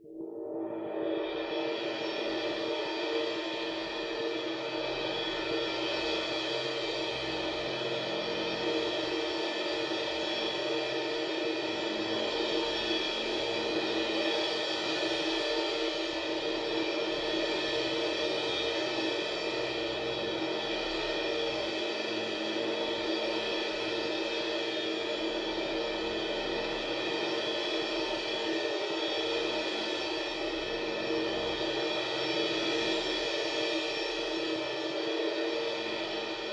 <region> pitch_keycenter=71 lokey=71 hikey=71 volume=13.679318 offset=143 lovel=66 hivel=99 ampeg_attack=0.004000 ampeg_release=2.000000 sample=Idiophones/Struck Idiophones/Suspended Cymbal 1/susCymb1_roll_f1_nloop.wav